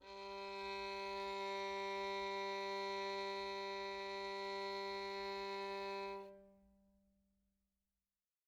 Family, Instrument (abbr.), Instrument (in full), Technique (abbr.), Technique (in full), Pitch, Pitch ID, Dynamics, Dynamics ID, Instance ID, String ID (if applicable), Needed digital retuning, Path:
Strings, Vn, Violin, ord, ordinario, G3, 55, mf, 2, 3, 4, FALSE, Strings/Violin/ordinario/Vn-ord-G3-mf-4c-N.wav